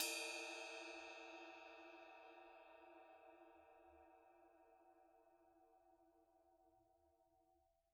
<region> pitch_keycenter=70 lokey=70 hikey=70 volume=15.240628 lovel=66 hivel=99 ampeg_attack=0.004000 ampeg_release=30 sample=Idiophones/Struck Idiophones/Suspended Cymbal 1/susCymb1_hit_stick_mp1.wav